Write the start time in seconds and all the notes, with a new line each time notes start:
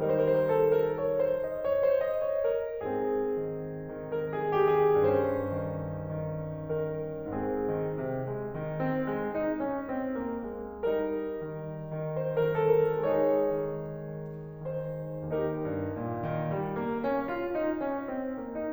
0.01 D#3 G3 D#4 A#4
0.23 C5
0.67 A4
0.76 A#4
0.85 C#5
1.13 C5
1.31 D#5
1.62 C#5
1.85 C5
2.03 D#5
2.29 C#5
2.57 A#4
2.79 G#2 C4 G#4
3.37 D#3
3.91 D#3 A#4
4.20 G#4
4.43 D#3 G4
4.84 G#4
5.03 G2 C#4 C5
5.66 D#3
6.15 D#3
6.66 D#3 A#4
7.35 G#2 C4 G#4
7.73 D#3
7.98 C3
8.27 G#3
8.49 D#3
8.85 C4
9.13 G#3
9.35 D#4
9.58 C#4
9.90 C4
10.20 A#3
10.51 G#3
10.88 G3 D#4 A#4
11.42 D#3
12.12 D#3 C5
12.32 A#4
12.54 D#3 A4
12.80 A#4
13.02 G#3 D#4 G#4 C#5
13.48 D#3
13.89 D#3
14.61 D#3 C5
15.31 D#2 D#4 G4 A#4
15.81 G2
16.05 A#2
16.31 D#3
16.56 G3
16.82 A#3
17.06 C#4
17.30 F4
17.55 D#4
17.80 C#4
18.16 C4
18.41 A#3